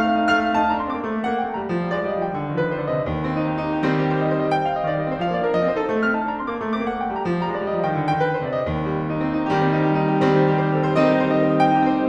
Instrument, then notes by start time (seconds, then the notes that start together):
piano
0.00 A3 F5 F6
0.13 C4
0.24 D#4
0.37 A3 F5 F6
0.48 C4
0.59 D#4 A5
0.72 D4 A#5
0.82 C4 C6
0.92 A#3 D6
1.02 A3
1.15 A#3
1.29 C4 F#5
1.38 A#3 G5
1.47 A3 A5
1.59 G3 A#5
1.72 F3
1.85 G3
1.96 A3 D5
2.08 G3 D#5
2.18 F3 F5
2.30 D#3 G5
2.40 D3
2.52 D#3
2.62 F3 B4
2.72 D#3 C5
2.83 D3 D5
2.95 C3 D#5
3.09 D#2
3.19 C4
3.33 D#4
3.46 G4
3.59 D#4
3.74 G4
3.85 D#3 G3 C4 C5
3.98 G4
4.11 C5
4.24 D#5
4.33 C5
4.44 D#5
4.55 G5
4.64 F5
4.77 D#5
4.88 D#3 D5
5.02 G3 D#5
5.11 C4 C5
5.21 F3 F5
5.32 A#3 D5
5.42 D4 A#4
5.54 F3 D#5
5.63 C4 C5
5.76 D#4 A4
5.89 A3
6.04 C4 F6
6.16 D#4 A5
6.28 D4 A#5
6.41 C4 C6
6.49 A#3 D6
6.58 A3
6.71 A#3 D6
6.84 C4 F#5
6.95 A#3 G5
7.06 A3 A5
7.19 G3 A#5
7.30 F3
7.44 G3 A#5
7.55 G#3 D5
7.66 G3 D#5
7.79 F3 F5
7.89 D#3 G5
8.02 D3
8.12 D#3 G5
8.22 F3 B4
8.32 D#3 C5
8.44 D3 D5
8.54 C3 D#5
8.68 D#2
8.86 G3
8.96 C4
9.10 D#4
9.22 C4
9.35 D#4
9.47 D#3 G3 G4
9.66 C4
9.81 D#4
9.94 G4
10.05 D#4
10.15 G4
10.26 D#3 G3 C4 C5
10.37 D#4
10.50 G4
10.60 C5
10.72 G4
10.83 C5
10.94 D#3 G3 C4 D#4 D#5
11.05 G4
11.22 C5
11.31 D#5
11.42 C5
11.53 D#5
11.64 G5
11.75 D#4 G4
11.88 C4 C5
11.99 G3 D#5